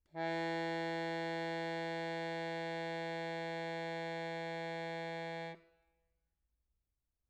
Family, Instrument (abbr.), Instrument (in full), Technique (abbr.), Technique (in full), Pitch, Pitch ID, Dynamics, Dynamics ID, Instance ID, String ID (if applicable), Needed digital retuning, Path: Keyboards, Acc, Accordion, ord, ordinario, E3, 52, mf, 2, 0, , FALSE, Keyboards/Accordion/ordinario/Acc-ord-E3-mf-N-N.wav